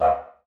<region> pitch_keycenter=60 lokey=60 hikey=60 volume=5.000000 ampeg_attack=0.004000 ampeg_release=1.000000 sample=Aerophones/Lip Aerophones/Didgeridoo/Didgeridoo1_Bark1_Main_rr3.wav